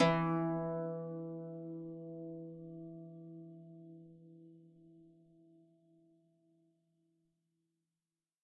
<region> pitch_keycenter=52 lokey=52 hikey=53 tune=-8 volume=7.671092 xfin_lovel=70 xfin_hivel=100 ampeg_attack=0.004000 ampeg_release=30.000000 sample=Chordophones/Composite Chordophones/Folk Harp/Harp_Normal_E2_v3_RR1.wav